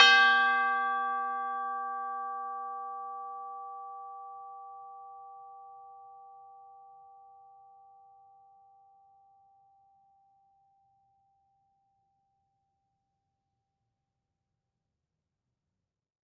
<region> pitch_keycenter=67 lokey=67 hikey=68 volume=7.086978 lovel=84 hivel=127 ampeg_attack=0.004000 ampeg_release=30.000000 sample=Idiophones/Struck Idiophones/Tubular Bells 2/TB_hit_G4_v4_1.wav